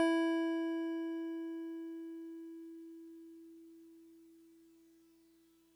<region> pitch_keycenter=76 lokey=75 hikey=78 volume=15.496122 lovel=0 hivel=65 ampeg_attack=0.004000 ampeg_release=0.100000 sample=Electrophones/TX81Z/FM Piano/FMPiano_E4_vl1.wav